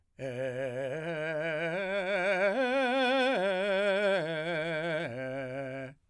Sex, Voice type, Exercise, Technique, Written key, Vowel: male, , arpeggios, slow/legato forte, C major, e